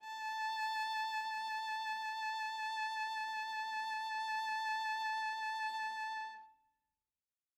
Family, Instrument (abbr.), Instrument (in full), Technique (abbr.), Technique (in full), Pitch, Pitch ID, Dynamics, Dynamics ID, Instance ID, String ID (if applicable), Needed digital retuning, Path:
Strings, Va, Viola, ord, ordinario, A5, 81, mf, 2, 0, 1, FALSE, Strings/Viola/ordinario/Va-ord-A5-mf-1c-N.wav